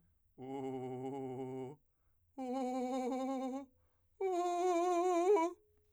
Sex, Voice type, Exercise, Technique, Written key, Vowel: male, , long tones, trillo (goat tone), , u